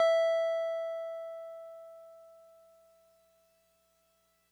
<region> pitch_keycenter=76 lokey=75 hikey=78 volume=11.826228 lovel=66 hivel=99 ampeg_attack=0.004000 ampeg_release=0.100000 sample=Electrophones/TX81Z/Piano 1/Piano 1_E4_vl2.wav